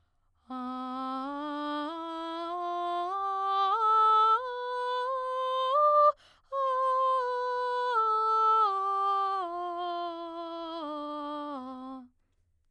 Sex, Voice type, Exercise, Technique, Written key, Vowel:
female, soprano, scales, straight tone, , a